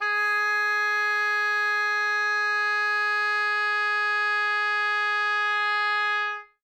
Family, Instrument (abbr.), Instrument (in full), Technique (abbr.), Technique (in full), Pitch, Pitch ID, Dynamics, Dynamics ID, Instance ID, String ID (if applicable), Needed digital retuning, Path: Winds, Ob, Oboe, ord, ordinario, G#4, 68, ff, 4, 0, , FALSE, Winds/Oboe/ordinario/Ob-ord-G#4-ff-N-N.wav